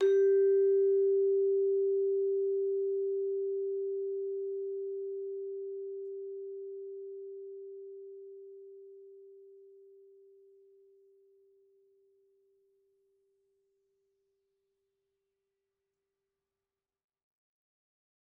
<region> pitch_keycenter=67 lokey=66 hikey=69 volume=7.170789 offset=123 lovel=84 hivel=127 ampeg_attack=0.004000 ampeg_release=15.000000 sample=Idiophones/Struck Idiophones/Vibraphone/Soft Mallets/Vibes_soft_G3_v2_rr1_Main.wav